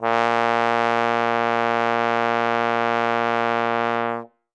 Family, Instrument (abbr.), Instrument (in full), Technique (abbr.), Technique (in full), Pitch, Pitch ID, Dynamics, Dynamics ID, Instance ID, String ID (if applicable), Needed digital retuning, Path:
Brass, Tbn, Trombone, ord, ordinario, A#2, 46, ff, 4, 0, , FALSE, Brass/Trombone/ordinario/Tbn-ord-A#2-ff-N-N.wav